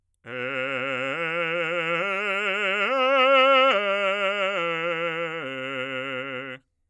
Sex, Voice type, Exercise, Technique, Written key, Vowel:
male, bass, arpeggios, vibrato, , e